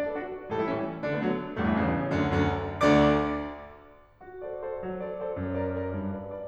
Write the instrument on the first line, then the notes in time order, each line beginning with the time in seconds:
piano
0.00 D4 F#4 D5
0.09 A4
0.17 D4 F#4
0.51 A2 E3 G3 A4
0.58 E4
0.66 A2 E3 G3 C#4
1.00 D3 F#3 D4
1.10 A3
1.22 D3 F#3
1.59 A1 G2 A3
1.68 E3
1.80 A1 G2 C#3
2.23 D2 F#2 D3
2.44 D2 F#2 D3
2.88 D2 D3 D5 D6
4.23 F#4
4.45 A4 C5 D5
4.64 A4 C5 D5
4.82 F#3
5.02 A4 C5 D5
5.19 A4 C5 D5
5.39 F#2
5.57 A#4 D5
5.83 A#4 D5
6.00 G2
6.19 B4 D5
6.32 B4 D5